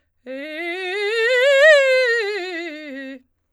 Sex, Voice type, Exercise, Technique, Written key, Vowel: female, soprano, scales, fast/articulated forte, C major, e